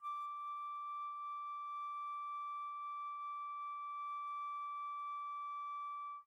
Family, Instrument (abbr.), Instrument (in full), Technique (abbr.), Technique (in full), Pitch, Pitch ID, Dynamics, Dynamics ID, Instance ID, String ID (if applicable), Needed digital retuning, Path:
Winds, Fl, Flute, ord, ordinario, D6, 86, pp, 0, 0, , FALSE, Winds/Flute/ordinario/Fl-ord-D6-pp-N-N.wav